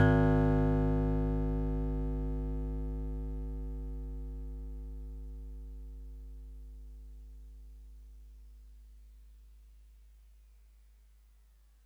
<region> pitch_keycenter=44 lokey=43 hikey=46 volume=9.974647 lovel=100 hivel=127 ampeg_attack=0.004000 ampeg_release=0.100000 sample=Electrophones/TX81Z/FM Piano/FMPiano_G#1_vl3.wav